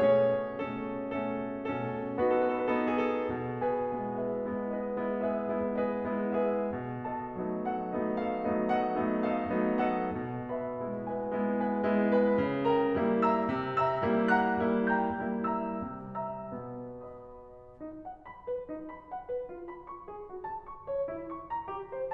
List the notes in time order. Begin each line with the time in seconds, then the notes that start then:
0.00 B2 A3 C#4 G#4 C#5
0.63 B2 A3 C#4 A4
1.08 B2 A3 C#4 A4
1.59 B2 A3 C#4 A4
2.18 B3 D#4 F#4 A4
2.31 B4
2.41 A4
2.62 B4
2.74 B3 D#4 A4
2.87 B4
3.02 G#4
3.18 A4
3.32 B2
3.65 G#4 B4 G#5
3.94 G#3 B3 E4
4.25 G#4 B4 E5
4.52 G#3 B3 E4
4.76 G#4 B4 D#5
4.98 G#3 B3 E4
5.22 G#4 B4 E5
5.41 G#3 B3 E4
5.77 G#4 B4 D#5
6.00 G#3 B3 E4
6.44 G#4 B4 E5
6.72 B2
7.05 A4 D#5 F#5 A5
7.35 F#3 A3 B3 D#4
7.71 A4 D#5 F#5
7.98 F#3 A3 B3 D#4
8.22 A4 D#5 F5
8.42 F#3 A3 B3 D#4
8.75 A4 D#5 F#5
9.03 F#3 A3 B3 D#4
9.32 A4 D#5 F5
9.52 F#3 A3 B3 D#4
9.91 A4 D#5 F#5
10.12 B2
10.51 B4 E5 G#5 B5
10.75 G#3 B3 E4
11.17 B4 E5 G#5
11.39 G#3 B3 E4
11.73 B4 E5 G#5
11.97 G#3 B3 E4
12.20 B4 E5 B5
12.46 C#3
12.68 A#4 E5 G5 A#5
12.99 G3 A#3 E4
13.21 E5 A#5 E6
13.46 C3
13.78 E5 A#5 E6
14.00 G3 A#3 E4
14.29 F#5 A#5 F#6
14.50 G3 A#3 E4
14.91 G5 A#5 G6
15.10 G3 A#3 E4
15.64 E5 A#5 E6
15.85 C3 G3
16.16 E5 A#5 E6
16.52 B2 B3
17.16 D#5 B5 D#6
17.80 D#4
18.04 F#5
18.25 B5
18.45 B4
18.68 D#4
18.89 B5
19.12 F#5
19.28 B4
19.49 F4
19.69 B5
19.89 C#6
20.09 G#4
20.32 F#4
20.50 A5
20.70 C#6
20.90 C#5
21.08 E4
21.33 C#6
21.50 A#5
21.69 G4
21.88 C5